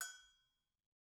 <region> pitch_keycenter=60 lokey=60 hikey=60 volume=15.434500 offset=187 lovel=66 hivel=99 ampeg_attack=0.004000 ampeg_release=15.000000 sample=Idiophones/Struck Idiophones/Agogo Bells/Agogo_High_v2_rr1_Mid.wav